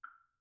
<region> pitch_keycenter=60 lokey=60 hikey=60 volume=20.148577 offset=1345 lovel=0 hivel=54 seq_position=3 seq_length=3 ampeg_attack=0.004000 ampeg_release=30.000000 sample=Idiophones/Struck Idiophones/Woodblock/wood_click_pp_rr2.wav